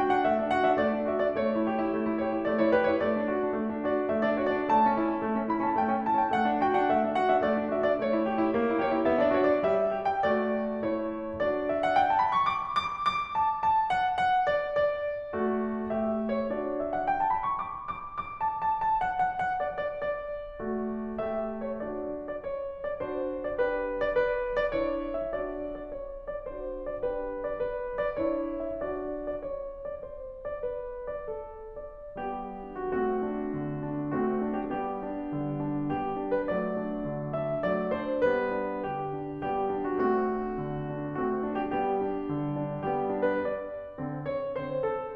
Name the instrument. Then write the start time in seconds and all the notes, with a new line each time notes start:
piano
0.00 F#4 G5
0.13 D4 F#5
0.27 A3 E5
0.39 D4
0.50 F#4 F#5
0.62 D4 E5
0.77 A3 D5
0.99 D4
1.15 F#4 E5
1.28 D4 D5
1.40 A3 C#5
1.52 E4
1.66 G4
1.80 E4
1.93 A3
2.02 E4
2.17 G4 C#5
2.31 E4
2.45 A3 D5
2.59 E4 C#5
2.69 G4 B4
2.83 E4 C#5
2.97 A3 D5
3.17 D4
3.30 F#4
3.40 D4
3.58 A3
3.72 D4
3.83 F#4 D5
3.97 D4
4.08 A3 E5
4.24 D4 D5
4.38 F#4 C#5
4.46 D4 D5
4.60 A3 A5
4.79 C#4
4.95 E4
5.06 C#4
5.22 A3
5.36 C#4
5.51 E4 B5
5.64 C#4 A5
5.79 A3 G5
5.93 C#4
6.06 E4 A5
6.16 C#4 G5
6.33 A3 F#5
6.49 D4
6.65 F#4 G5
6.80 D4 F#5
6.92 A3 E5
7.06 D4
7.21 F#4 F#5
7.35 D4 E5
7.45 A3 D5
7.58 D4
7.73 F#4 E5
7.87 D4 D5
7.99 A3 C#5
8.14 E4
8.31 G4
8.44 E4
8.57 A#3
8.70 E4
8.82 G4 C#5
8.97 E4
9.10 B3 E5
9.22 E4 D5
9.35 G4 C#5
9.47 E4 D5
9.60 G3 E5
9.86 G4
9.98 G5
10.10 A3 G4 D5
10.69 A3 E4 C#5
11.40 D4 F#4 D5
11.70 E5
11.83 F#5
11.99 G5
12.10 A5
12.19 B5
12.34 C#6
12.47 D6
12.74 D6
13.04 D6
13.33 A5
13.61 A5
13.90 F#5
14.29 F#5
14.58 D5
14.84 D5
15.36 A3 F#4
15.88 A3 G4 E5
16.39 C#5
16.51 D4 F#4 D5
16.79 E5
16.92 F#5
17.04 G5
17.17 A5
17.31 B5
17.47 C#6
17.60 D6
17.89 D6
18.24 D6
18.46 A5
18.63 A5
18.85 A5
19.03 F#5
19.20 F#5
19.42 F#5
19.63 D5
19.83 D5
20.05 D5
20.65 A3 F#4
21.18 A3 G4 E5
21.57 C#5
21.80 D4 F#4 D5
22.19 D5
22.33 C#5
22.91 D5
23.02 D4 F#4 C5
23.43 D5
23.56 D4 G4 B4
24.01 D5
24.16 B4
24.59 D5
24.74 D4 E4 C#5
25.15 E5
25.32 D4 F#4 D5
25.77 D5
25.89 C#5
26.40 D5
26.54 D4 F#4 C5
26.96 D5
27.07 D4 G4 B4
27.43 D5
27.57 B4
28.10 D5
28.24 D4 E4 C#5
28.65 E5
28.83 D4 F#4 D5
29.27 D5
29.40 C#5
29.88 D5
30.02 C5
30.53 D5
30.67 B4
31.09 D5
31.32 A4
31.97 D5
32.16 G3 B3 G4
32.60 D4
32.76 F#4
32.91 A3 C4 F#4
33.20 D4
33.55 D3
33.89 D4
34.16 A3 C4 F#4
34.49 D4
34.68 G4
34.82 G3 B3 G4
35.07 D4
35.34 D3
35.60 D4
35.92 G3 B3 G4
36.15 D4
36.37 B4
36.50 F#3 A3 D5
36.84 D4
37.11 D3
37.41 D4 E5
37.74 F#3 A3 D5
38.01 D4 C5
38.30 G3 B3 B4
38.64 D4
38.85 D3 G4
39.16 D4
39.49 G3 B3 G4
39.74 D4
39.86 F#4
40.02 A3 C4 F#4
40.27 D4
40.59 D3
40.93 D4
41.18 A3 C4 F#4
41.45 D4
41.61 G4
41.75 G3 B3 G4
42.02 D4
42.28 D3
42.50 D4
42.86 G3 B3 G4
43.13 D4
43.26 B4
43.43 D5
44.00 D3 C4
44.26 C#5
44.56 D3 C4 C5
44.86 A4